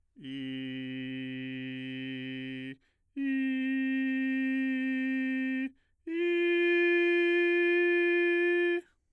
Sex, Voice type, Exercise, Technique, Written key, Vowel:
male, bass, long tones, straight tone, , i